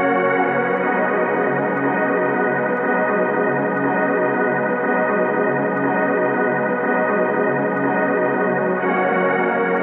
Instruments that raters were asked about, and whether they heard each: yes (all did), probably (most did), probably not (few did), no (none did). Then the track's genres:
organ: yes
Soundtrack; Ambient; Instrumental